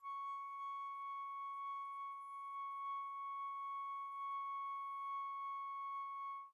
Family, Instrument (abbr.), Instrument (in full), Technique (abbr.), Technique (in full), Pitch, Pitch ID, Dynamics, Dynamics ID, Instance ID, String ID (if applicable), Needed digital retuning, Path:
Winds, Fl, Flute, ord, ordinario, C#6, 85, pp, 0, 0, , TRUE, Winds/Flute/ordinario/Fl-ord-C#6-pp-N-T12d.wav